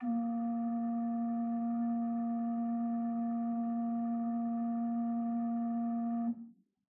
<region> pitch_keycenter=46 lokey=46 hikey=47 offset=8 ampeg_attack=0.004000 ampeg_release=0.300000 amp_veltrack=0 sample=Aerophones/Edge-blown Aerophones/Renaissance Organ/4'/RenOrgan_4foot_Room_A#1_rr1.wav